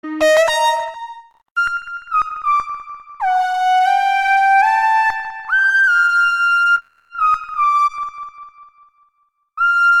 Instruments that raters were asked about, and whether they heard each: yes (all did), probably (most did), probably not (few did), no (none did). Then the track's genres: flute: no
trumpet: no
clarinet: probably not
Electronic; Noise; Experimental